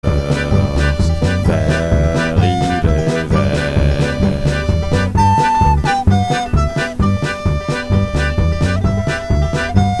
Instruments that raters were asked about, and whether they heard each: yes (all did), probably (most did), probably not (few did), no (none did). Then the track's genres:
accordion: yes
Rock; Noise; Experimental